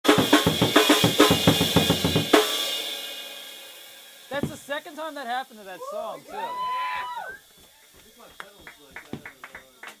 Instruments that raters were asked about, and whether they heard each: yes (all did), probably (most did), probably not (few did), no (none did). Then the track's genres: drums: yes
cymbals: yes
Loud-Rock; Experimental Pop